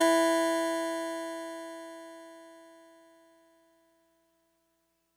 <region> pitch_keycenter=52 lokey=51 hikey=54 tune=-1 volume=7.109058 lovel=100 hivel=127 ampeg_attack=0.004000 ampeg_release=0.100000 sample=Electrophones/TX81Z/Clavisynth/Clavisynth_E2_vl3.wav